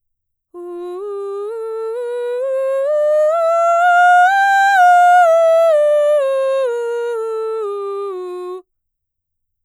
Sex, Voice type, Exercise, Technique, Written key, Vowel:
female, mezzo-soprano, scales, slow/legato forte, F major, u